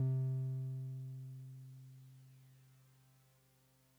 <region> pitch_keycenter=48 lokey=47 hikey=50 volume=21.188789 lovel=0 hivel=65 ampeg_attack=0.004000 ampeg_release=0.100000 sample=Electrophones/TX81Z/Piano 1/Piano 1_C2_vl1.wav